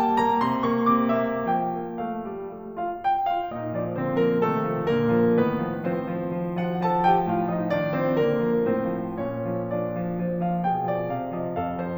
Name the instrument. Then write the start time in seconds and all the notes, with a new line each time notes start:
piano
0.01 G3 A5
0.21 A#3 A#5
0.41 C3 C6
0.63 A#3 C#6
0.90 C3 D6
1.13 A#3 E5
1.52 F3 G5
1.78 A#3
2.00 A3 F5
2.21 G3
2.57 A3
2.78 F4 F5
3.04 G4 G5
3.23 F4 F5
3.48 A#2 D#4 D#5
3.77 F3 D4 D5
3.95 D3 C4 C5
4.16 F3 A#3 A#4
4.42 C3 A3 A4
4.68 F3
4.87 A#2 A#3 A#4
5.16 F3
5.37 A2 D#3 B3 B4
5.60 F3
5.88 F3 C4 C5
6.07 F3
6.29 F3
6.55 F3 F#4 F#5
6.82 F3 A4 A5
7.05 F3 G4 G5
7.30 A2 F4 F5
7.49 F3 D#4 D#5
7.70 D#3 D4 D5
7.97 F3 C4 C5
8.17 D3 A#3 A#4
8.45 F3
8.66 A2 C4 C5
8.96 F3
9.20 A#2 C#4 C#5
9.54 F3
9.75 F3 D4 D5
9.93 F3
10.13 F3
10.44 F3 F5
10.64 A#2 G#4 G5
10.85 F3 D5
11.10 C3 F5
11.31 F3 D#5
11.57 A2 A4 F5
11.77 F3 C5